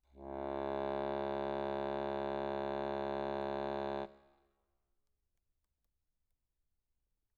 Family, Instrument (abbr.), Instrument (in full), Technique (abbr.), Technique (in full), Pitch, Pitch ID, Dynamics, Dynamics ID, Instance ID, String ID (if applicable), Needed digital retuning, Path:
Keyboards, Acc, Accordion, ord, ordinario, C#2, 37, mf, 2, 0, , FALSE, Keyboards/Accordion/ordinario/Acc-ord-C#2-mf-N-N.wav